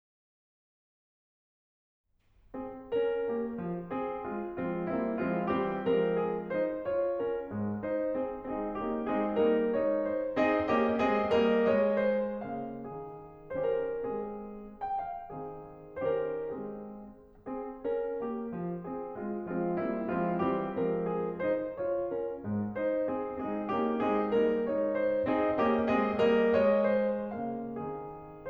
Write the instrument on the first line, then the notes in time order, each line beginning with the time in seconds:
piano
2.07 C4 G#4
2.95 C#4 A#4
3.26 A#3 G4
3.54 F3
3.90 C4 G#4
4.23 G#3 F4
4.53 F3 G#3 C4 F4
4.88 G3 A#3 C4 E4
5.25 F3 G#3 C4 F4
5.55 E3 G3 C4 G4
5.93 F3 G#3 C4 A#4
6.22 G#4
6.50 D#4 C5
6.80 F4 C#5
7.19 C#4 A#4
7.52 G#2 G#3
7.80 D#4 C5
8.11 C4 G#4
8.47 G#3 C4 D#4 G#4
8.79 A#3 C#4 D#4 G4
9.08 G#3 C4 D#4 G#4
9.40 G3 A#3 D#4 A#4
9.77 G#3 C4 D#4 C#5
10.12 C5
10.45 C4 D#4 G#4 D#5
10.73 A#3 C#4 G4 D#5
11.03 G#3 C4 G#4 D#5
11.33 G3 A#3 A#4 D#5
11.70 G#3 C#5 D#5
11.97 C5
12.45 C#3 A#3 F5
12.82 D#3 C4 G#4
13.55 D#3 C#4 G4 C5
13.71 A#4
14.06 G#3 C4 G#4
14.84 G5
14.98 F5
15.32 D#3 C4 G#4
16.03 D#3 C#4 G4 C5
16.21 A#4
16.53 G#3 C4 G#4
17.48 C4 G#4
17.88 C#4 A#4
18.20 A#3 G4
18.49 F3
18.84 C4 G#4
19.19 G#3 F4
19.50 F3 G#3 C4 F4
19.78 G3 A#3 C4 E4
20.07 F3 G#3 C4 F4
20.37 E3 G3 C4 G4
20.79 F3 G#3 C4 A#4
21.15 G#4
21.44 D#4 C5
21.73 F4 C#5
22.07 C#4 A#4
22.39 G#2 G#3
22.74 D#4 C5
23.07 C4 G#4
23.35 G#3 C4 D#4 G#4
23.66 A#3 C#4 D#4 G4
24.01 G#3 C4 D#4 G#4
24.36 G3 A#3 D#4 A#4
24.71 G#3 C4 D#4 C#5
24.97 C5
25.26 C4 D#4 G#4 D#5
25.58 A#3 C#4 G4 D#5
25.87 G#3 C4 G#4 D#5
26.19 G3 A#3 A#4 D#5
26.50 G#3 C#5 D#5
26.93 C5
27.31 C#3 A#3 F5
27.68 D#3 C4 G#4